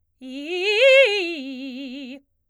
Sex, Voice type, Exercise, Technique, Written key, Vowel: female, soprano, arpeggios, fast/articulated forte, C major, i